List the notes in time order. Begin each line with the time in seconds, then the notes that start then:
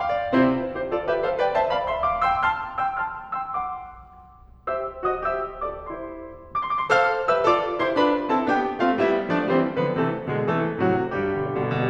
0.00 F5
0.19 D5
0.34 C3 C4 E4 G4 C5
0.52 D4 F4 B4
0.70 E4 G4 C5
0.88 F4 A4 D5
1.06 G4 B4 E5
1.23 A4 C5 F5
1.39 B4 D5 G5
1.56 C5 E5 A5
1.73 D5 F5 B5
1.90 E5 G5 C6
2.08 F5 A5 D6
2.26 G5 C6 E6
2.45 A5 C6 F6
2.83 G5 C6 E6
3.07 A5 C6 F6
3.40 G5 C6 E6
3.56 F#5 C6 D6
4.68 G4 C5 E5 E6
5.04 F#4 C5 D#5 D#6
5.22 G4 C5 E5 E6
5.64 F4 C5 D5 D6
5.86 E4 G4 C5 C6
6.73 C6 D6
6.82 B5 C6
6.90 A4 C5 F5 F6
7.27 G4 B4 E5 E6
7.43 F4 A4 D5 D6
7.83 E4 G4 C5 C6
8.00 D4 F4 B4 B5
8.34 C4 E4 A4 A5
8.50 B3 D4 G4 G5
8.81 A3 C4 F4 F5
8.99 G3 B3 E4 E5
9.31 F3 A3 D4 D5
9.50 E3 G3 C4 C5
9.76 D3 F3 B3 B4
9.91 C3 E3 A3 A4
10.30 B2 D3 G#3 G#4
10.45 C3 E3 A3 A4
10.82 A2 C3 F#3 F#4
11.08 G2 G3 G4
11.16 B2 D3
11.24 G3
11.32 B2 D3
11.41 G3
11.49 B2 D3
11.58 G3
11.66 B2 D3
11.74 G3
11.82 B2 D3